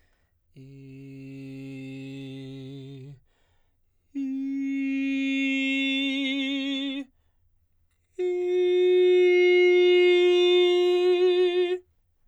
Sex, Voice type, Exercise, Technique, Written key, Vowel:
male, baritone, long tones, messa di voce, , i